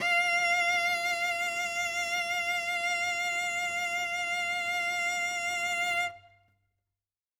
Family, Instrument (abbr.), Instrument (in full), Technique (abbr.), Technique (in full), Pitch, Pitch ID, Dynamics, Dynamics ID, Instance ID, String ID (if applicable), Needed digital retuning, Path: Strings, Vc, Cello, ord, ordinario, F5, 77, ff, 4, 0, 1, FALSE, Strings/Violoncello/ordinario/Vc-ord-F5-ff-1c-N.wav